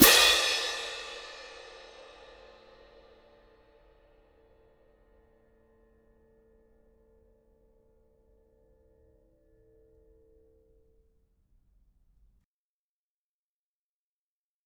<region> pitch_keycenter=60 lokey=60 hikey=60 volume=-7.982239 lovel=107 hivel=127 seq_position=2 seq_length=2 ampeg_attack=0.004000 ampeg_release=30.000000 sample=Idiophones/Struck Idiophones/Clash Cymbals 1/cymbal_crash1_ff3.wav